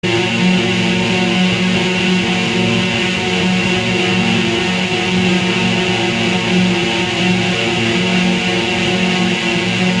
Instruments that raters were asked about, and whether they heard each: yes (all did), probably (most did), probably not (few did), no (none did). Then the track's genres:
saxophone: no
guitar: yes
flute: no
mallet percussion: no
Experimental; Shoegaze